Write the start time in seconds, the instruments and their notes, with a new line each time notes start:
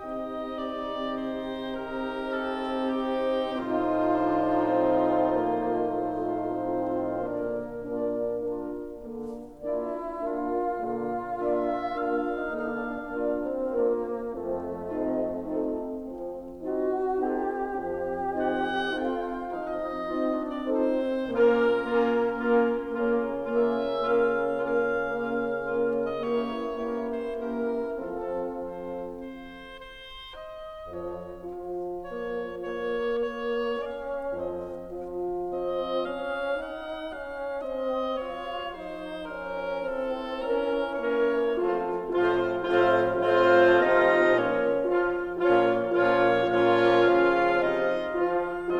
0.00 bassoon C3, horn C4, clarinet D#4 D#5, oboe G4 D#5
0.82 oboe D5
1.30 oboe C5
2.04 oboe A#4
2.45 oboe A4
3.20 oboe G4
3.67 bassoon A2 D#4, horn F3 D#4, oboe F4 C5, clarinet F4 F5
4.52 bassoon D4
4.90 bassoon C4
5.32 bassoon A#3
5.85 bassoon A3
6.62 bassoon C4
7.08 bassoon A#2 A#3, horn D3 D4, clarinet F4 D5, oboe A#4
7.53 horn A#3 D4, clarinet F4 D5
8.21 horn A#3 D4, clarinet F4 A#4
9.06 horn D3 A#3
9.64 horn A#3 D4, bassoon E4, clarinet F4 D5
10.16 horn A#3 D4, clarinet F4 A#4, bassoon F4
10.70 bassoon A#2 F4, horn D3 A#3
11.26 horn A#3 D4, clarinet F4 D5, oboe E5
11.70 horn A#3 D4, clarinet F4 A#4, oboe F5
12.33 bassoon D#4
12.47 horn D3 A#3, bassoon D4, oboe F5
13.13 horn A#3 D4, clarinet F4 D5
13.42 bassoon C4
13.73 horn A#3 D4, bassoon A#3, clarinet F4 A#4
14.51 bassoon F2 A3, horn F3 C4
15.05 horn C4 D#4, clarinet F4 D#5
15.50 horn C4 D#4, clarinet F4 A4
16.07 horn F3 C4
16.74 horn C4 D#4, clarinet F4 D#5, bassoon F#4
17.23 horn C4 D#4, clarinet F4 A4, bassoon G4
17.69 bassoon F2 G4, horn F3 C4
18.33 horn C4 D#4, clarinet F4 D#5, oboe F#5
18.88 horn C4 D#4, clarinet F4 A4, oboe G5
19.23 bassoon F4, oboe F5
19.40 horn F3 C4, bassoon D#4, oboe D#5
20.00 horn C4 D#4, clarinet F4 D#5
20.28 bassoon D4, oboe D5
20.62 horn C4 D#4, bassoon C4, clarinet F4 A4, oboe C5
21.25 bassoon A#2 A#3, horn A#3, clarinet C#4 A#4, oboe F4 A#4
21.85 horn A#3, clarinet C#4 A#4, oboe F4
22.37 horn A#3, clarinet C#4 A#4, oboe F4
22.88 bassoon C#3 D4, horn A#3, clarinet C#4 A#4, oboe F4
23.43 horn A#3, clarinet C#4 A#4, oboe F4 E5
24.33 horn A#3, clarinet C#4 A#4, oboe F4 F5
24.80 bassoon D3 D4, horn A#3, clarinet C#4 A#4, oboe F4 F5
25.40 horn A#3, clarinet C#4 A#4, oboe F4
25.82 horn A#3, clarinet C#4 A#4, oboe F4
26.15 oboe D#5
26.25 bassoon E3 E4, horn A#3, clarinet C#4 A#4, oboe G4 D5
26.81 horn A#3, clarinet C#4 A#4, oboe G4
27.02 oboe C5
27.31 horn A#3, clarinet C#4 A#4, oboe G4 A#4
27.93 horn F3 C4, bassoon F3 F4, clarinet C4 A4, oboe F4 A4
28.48 oboe C5
29.22 oboe C5
29.97 oboe C5
30.43 oboe D#5
30.89 bassoon F2, horn F3, oboe C#5
31.44 bassoon F3, horn F4, clarinet A4
32.01 bassoon A#3, oboe C#5
32.52 bassoon A#3, oboe C#5
33.32 bassoon A#3, oboe C#5
33.79 bassoon C#4, oboe F5
34.34 bassoon F2 C4, horn F3, oboe D#5
34.97 bassoon F3, horn F4
35.46 bassoon C4, oboe D#5
36.10 bassoon C#4, oboe F5
36.56 bassoon D#4, oboe F#5
37.13 bassoon C#4, oboe F5
37.66 bassoon C4, oboe D#5
38.21 bassoon F3 F4, oboe C#5
38.75 bassoon D#4, oboe C5
39.24 bassoon C#4, oboe A#4
39.80 bassoon E3 C4, oboe A4
40.32 clarinet C#4 A#4, bassoon C#4, oboe A#4
40.95 bassoon A#3, clarinet C#4 A#4, oboe C#5
41.54 horn F3 F4, bassoon F3 A3, clarinet C4 A4, oboe F4 C5
41.98 bassoon A2 A3, horn F3 F4, clarinet C4 C5, oboe F4 F5
42.53 bassoon A2 A3, horn F3 F4, clarinet C4 C5, oboe F4 F5
43.14 bassoon A2 A3, horn F3 F4, clarinet C4 C5, oboe F4 F5
43.78 bassoon C3 C4, clarinet D#4 D#5
44.36 bassoon A#2 A#3, clarinet C#4 C#5
44.83 horn F3 F4, oboe F4 F5
45.38 bassoon A#2 A#3, horn F3 F4, clarinet C#4 C#5, oboe F4 F5
45.80 bassoon A#2 A#3, horn F3 F4, clarinet C#4 C#5, oboe F4 F5
46.36 bassoon A#2 A#3, horn F3 F4, clarinet C#4 C#5, oboe F4 F5
46.90 bassoon C#3 C#4, clarinet F4 F5
47.69 bassoon C3 C4, clarinet D#4 D#5
48.12 horn F3 F4, oboe F4 F5